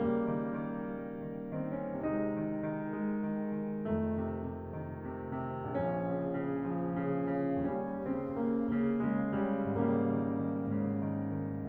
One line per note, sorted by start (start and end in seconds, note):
0.01 1.89 C#3
0.01 0.28 G3
0.01 1.35 A#3
0.30 0.59 D#3
0.62 0.85 D#3
0.86 1.13 G3
1.16 1.51 D#3
1.37 1.66 C4
1.53 1.89 D#3
1.70 1.89 C#4
1.92 3.89 C3
1.92 2.16 G#3
1.92 3.89 D#4
2.17 2.43 D#3
2.45 2.91 D#3
2.93 3.23 G#3
3.25 3.58 D#3
3.59 3.89 D#3
3.91 5.65 F2
3.91 4.16 D#3
3.91 5.65 A3
4.19 4.47 C3
4.47 4.71 C3
4.74 5.04 D#3
5.05 5.34 C3
5.36 5.65 C3
5.67 7.65 A#1
5.67 6.05 F3
5.67 7.65 C#4
6.07 6.37 C#3
6.39 6.68 C#3
6.70 6.94 F3
6.97 7.30 C#3
7.36 7.65 C#3
7.66 9.74 D#2
7.66 8.02 G3
7.66 8.02 C#4
8.14 8.42 C#3
8.14 8.42 C4
8.44 8.81 C#3
8.44 8.81 A#3
8.82 9.14 C#3
8.82 9.14 A#3
9.18 9.43 C#3
9.18 9.43 G#3
9.44 9.74 C#3
9.44 9.74 G3
9.75 10.67 G#1
9.75 10.03 C#3
9.75 11.67 G3
9.75 11.67 A#3
10.05 10.34 D#3
10.36 10.67 D#3
10.73 11.67 G#2
10.73 11.03 C#3
11.05 11.37 D#3
11.38 11.67 D#3